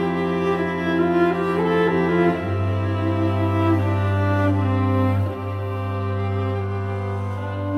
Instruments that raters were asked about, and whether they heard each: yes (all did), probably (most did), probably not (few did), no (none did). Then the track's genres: drums: no
cello: yes
organ: probably not
Classical